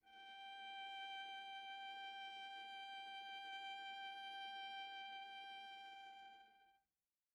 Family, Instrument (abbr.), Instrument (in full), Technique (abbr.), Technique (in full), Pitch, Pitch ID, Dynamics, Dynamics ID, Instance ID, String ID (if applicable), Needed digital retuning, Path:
Strings, Va, Viola, ord, ordinario, G5, 79, pp, 0, 1, 2, FALSE, Strings/Viola/ordinario/Va-ord-G5-pp-2c-N.wav